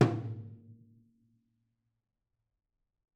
<region> pitch_keycenter=64 lokey=64 hikey=64 volume=11.893602 offset=236 lovel=100 hivel=127 seq_position=1 seq_length=2 ampeg_attack=0.004000 ampeg_release=30.000000 sample=Membranophones/Struck Membranophones/Tom 1/Stick/TomH_HitS_v4_rr2_Mid.wav